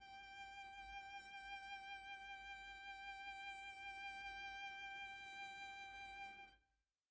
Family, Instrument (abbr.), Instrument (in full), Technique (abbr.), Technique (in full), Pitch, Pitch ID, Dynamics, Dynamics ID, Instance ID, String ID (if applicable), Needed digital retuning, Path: Strings, Vc, Cello, ord, ordinario, G5, 79, pp, 0, 0, 1, FALSE, Strings/Violoncello/ordinario/Vc-ord-G5-pp-1c-N.wav